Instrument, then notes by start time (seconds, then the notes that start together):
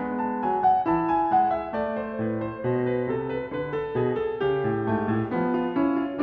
piano
0.00 G#3
0.20 A5
0.41 F#3 G#5
0.63 F#5
0.85 E4 A5
0.91 E3
1.07 G#5
1.27 G#3 F#5
1.50 E5
1.72 A3 D5
2.01 C5
2.19 A2 B4
2.40 C5
2.64 B2 C5
2.81 B4
3.05 C3 A4
3.26 B4
3.54 D3 B4
3.78 A4
4.01 B2 G#4
4.21 A4
4.41 C#3 G4
4.68 A2
4.88 A3
4.95 G#2
5.15 A2
5.28 B3
5.34 F3
5.58 F4
5.74 C#4
5.79 E4
6.03 F4
6.15 D4